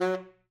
<region> pitch_keycenter=54 lokey=54 hikey=55 tune=6 volume=14.752491 lovel=84 hivel=127 ampeg_attack=0.004000 ampeg_release=1.500000 sample=Aerophones/Reed Aerophones/Tenor Saxophone/Staccato/Tenor_Staccato_Main_F#2_vl2_rr7.wav